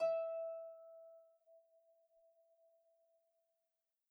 <region> pitch_keycenter=76 lokey=76 hikey=77 tune=3 volume=14.077761 xfout_lovel=70 xfout_hivel=100 ampeg_attack=0.004000 ampeg_release=30.000000 sample=Chordophones/Composite Chordophones/Folk Harp/Harp_Normal_E4_v2_RR1.wav